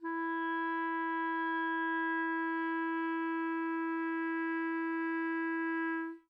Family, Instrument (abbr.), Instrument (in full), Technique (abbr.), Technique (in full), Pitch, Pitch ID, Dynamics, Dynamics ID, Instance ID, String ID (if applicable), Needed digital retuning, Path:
Winds, ClBb, Clarinet in Bb, ord, ordinario, E4, 64, mf, 2, 0, , FALSE, Winds/Clarinet_Bb/ordinario/ClBb-ord-E4-mf-N-N.wav